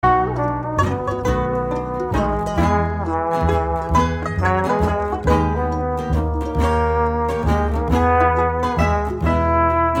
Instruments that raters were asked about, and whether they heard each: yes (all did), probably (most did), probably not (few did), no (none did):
banjo: yes
trombone: yes
ukulele: yes
trumpet: yes
mandolin: probably